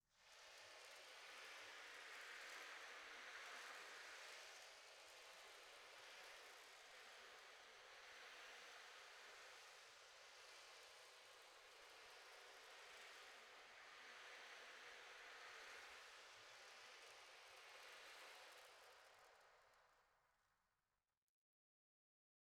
<region> pitch_keycenter=61 lokey=61 hikey=61 volume=35.000000 offset=3429 ampeg_attack=0.004000 ampeg_release=4.000000 sample=Membranophones/Other Membranophones/Ocean Drum/OceanDrum_Sus_2_Mid.wav